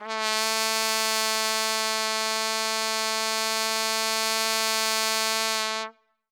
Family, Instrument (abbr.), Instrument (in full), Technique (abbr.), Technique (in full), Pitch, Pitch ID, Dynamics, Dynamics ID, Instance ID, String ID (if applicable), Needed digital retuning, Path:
Brass, TpC, Trumpet in C, ord, ordinario, A3, 57, ff, 4, 0, , TRUE, Brass/Trumpet_C/ordinario/TpC-ord-A3-ff-N-T23u.wav